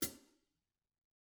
<region> pitch_keycenter=44 lokey=44 hikey=44 volume=8.918635 offset=327 seq_position=1 seq_length=2 ampeg_attack=0.004000 ampeg_release=30.000000 sample=Idiophones/Struck Idiophones/Hi-Hat Cymbal/HiHat_Close_rr1_Mid.wav